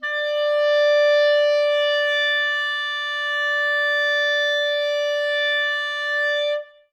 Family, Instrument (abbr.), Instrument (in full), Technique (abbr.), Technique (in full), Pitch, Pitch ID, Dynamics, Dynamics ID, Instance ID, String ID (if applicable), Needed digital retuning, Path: Winds, ClBb, Clarinet in Bb, ord, ordinario, D5, 74, ff, 4, 0, , TRUE, Winds/Clarinet_Bb/ordinario/ClBb-ord-D5-ff-N-T14u.wav